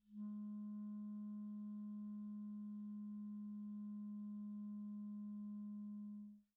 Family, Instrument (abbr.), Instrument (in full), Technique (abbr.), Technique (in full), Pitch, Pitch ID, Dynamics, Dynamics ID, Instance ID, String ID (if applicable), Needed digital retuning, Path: Winds, ClBb, Clarinet in Bb, ord, ordinario, G#3, 56, pp, 0, 0, , FALSE, Winds/Clarinet_Bb/ordinario/ClBb-ord-G#3-pp-N-N.wav